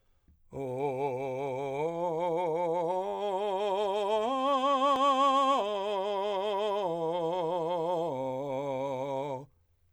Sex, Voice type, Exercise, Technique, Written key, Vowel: male, , arpeggios, vibrato, , o